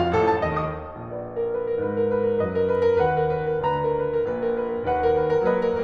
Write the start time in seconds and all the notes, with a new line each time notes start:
0.01 F2 F5
0.14 A1 A4
0.37 A2 A5
0.54 D#2 D#5
0.82 D#3 D#6
1.06 A#1 A#2 B4 D5
1.32 A#4
1.48 B4
1.62 A#4
1.76 G#2 G#3 B4
1.94 A#4
2.08 B4
2.25 A#4
2.40 F#2 F#3 B4 D#5
2.54 A#4
2.68 B4
2.83 A#4
2.99 D#2 D#3 B4 F#5
3.18 A#4
3.32 B4
3.49 A#4
3.66 D2 D3 B4 A#5
3.74 A#4
3.91 B4
4.09 A#4
4.25 A#1 A#2 B4
4.41 A#4
4.58 B4
4.72 A#4
4.86 D#2 D#3 B4 F#5
5.01 A#4
5.16 B4
5.34 A#4
5.48 F#3 A#3 B4 D#5
5.69 A#4